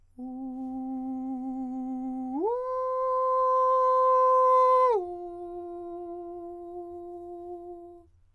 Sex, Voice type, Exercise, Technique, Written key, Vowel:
male, countertenor, long tones, straight tone, , u